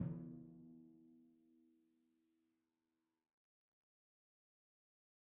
<region> pitch_keycenter=52 lokey=51 hikey=53 tune=16 volume=27.018048 lovel=0 hivel=65 seq_position=2 seq_length=2 ampeg_attack=0.004000 ampeg_release=30.000000 sample=Membranophones/Struck Membranophones/Timpani 1/Hit/Timpani4_Hit_v2_rr2_Sum.wav